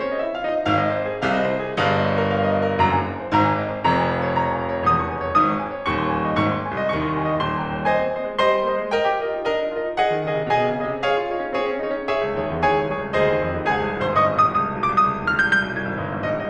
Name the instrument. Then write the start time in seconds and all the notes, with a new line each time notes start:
piano
0.00 C#4 C#5
0.14 D#4 D#5
0.26 E4 E5
0.35 F4 F5
0.51 D#4 D#5
0.66 G#1 G#2 F5
0.78 D#5
0.94 C5
1.08 G#4
1.25 C2 C3 F5
1.38 D#5
1.51 C5
1.64 G#4
1.76 G1 G2 F5
1.88 D#5
2.05 C#5
2.16 A#4
2.29 F5
2.40 D#5
2.53 C#5
2.68 A#4
2.81 F#1 F#2 A#5
2.91 G#5
3.05 D#5
3.19 C5
3.32 G#1 G#2 A#5
3.47 G#5
3.62 D#5
3.74 C5
3.87 F1 F2 A#5
3.99 G#5
4.10 F5
4.24 C#5
4.37 D#6
4.48 C#6
4.60 G#5
4.74 C#5
4.86 E1 E2 D#6
4.98 C#6
5.10 G#5
5.25 C#5
5.39 G1 G2 D#6
5.50 C#6
5.62 G#5
5.74 C#5
5.86 D#1 D#2 C#6
6.01 C6
6.13 G#5
6.27 D#5
6.39 G#1 G#2 C#6
6.50 C6
6.62 G#5
6.73 C2 C3 D#5
6.91 D#2 D#3 C#6
7.05 C6
7.16 G#5
7.28 D#5
7.40 D#1 D#2 C6
7.52 A#5
7.65 G5
7.79 C#5
7.88 C5 D#5 G#5
7.99 C4
8.15 A#3 C5 D#5
8.30 G#3
8.42 G3 C5 D#5 C6
8.56 G#3
8.70 A#3 C5 D#5
8.82 G#3
8.95 A#4 D#5 G5
9.08 G4
9.20 F4 A#4 D#5
9.43 D#4
9.53 D4 A#4 D#5
9.65 D#4
9.75 F4 A#4 D#5
9.87 D#4
9.98 G#4 D#5 F#5
10.14 D#3
10.25 C#3 G#4 D#5
10.37 C3
10.48 B2 G#4 D#5 G#5
10.59 C3
10.72 C#3 G#4 D#5
10.84 C3
11.04 G#4 C#5 F5
11.16 F4
11.32 D#4 G#4 C#5
11.46 C#4
11.58 C4 G#4 C#5
11.71 C#4
11.82 D#4 G#4 C#5
11.94 C#4
12.10 G#4 C#5 E5
12.25 C#2
12.40 D#2 G#4 C#5
12.55 E2
12.64 D#2 G#4 C#5 G#5
12.76 C#2
12.89 C2 G#4 C#5
13.00 C#2
13.13 D2 G#4 C5 D#5
13.32 D#2
13.42 F2
13.53 D#2
13.68 C#2 G#4 G#5
13.80 C2
13.92 A#1
14.06 G#1 C5 C6
14.18 G1 D#5 D#6
14.29 G#1
14.38 A#1 D#6
14.50 C2
14.61 C#2 D#6
14.66 C2 D#6 F6
14.76 F6
14.81 C#2 D#6
14.87 B1 D6 F6
15.00 C2 D#6
15.09 C#2
15.22 D#2 F6
15.31 C#2 G6
15.43 C2 G6
15.60 B1
15.75 C2 G#6
15.87 G#1
16.00 G1
16.14 G#1
16.27 A#1 D#5
16.38 C2